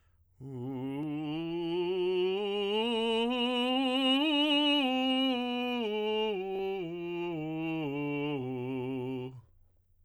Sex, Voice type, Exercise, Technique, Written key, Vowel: male, tenor, scales, slow/legato forte, C major, u